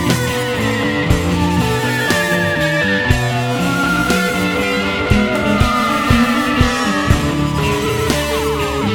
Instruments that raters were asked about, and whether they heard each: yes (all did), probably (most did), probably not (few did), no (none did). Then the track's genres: saxophone: probably not
Jazz; Rock; Instrumental